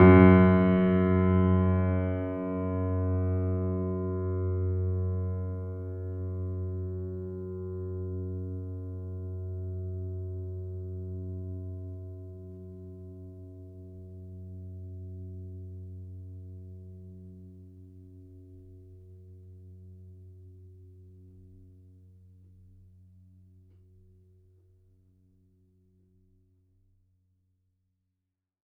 <region> pitch_keycenter=42 lokey=42 hikey=43 volume=-1.539250 lovel=0 hivel=65 locc64=65 hicc64=127 ampeg_attack=0.004000 ampeg_release=0.400000 sample=Chordophones/Zithers/Grand Piano, Steinway B/Sus/Piano_Sus_Close_F#2_vl2_rr1.wav